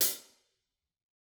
<region> pitch_keycenter=42 lokey=42 hikey=42 volume=9 offset=179 lovel=107 hivel=127 seq_position=2 seq_length=2 ampeg_attack=0.004000 ampeg_release=30.000000 sample=Idiophones/Struck Idiophones/Hi-Hat Cymbal/HiHat_HitC_v4_rr2_Mid.wav